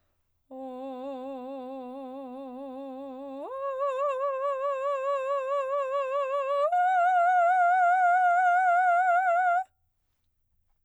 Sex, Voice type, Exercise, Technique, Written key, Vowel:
female, soprano, long tones, full voice pianissimo, , o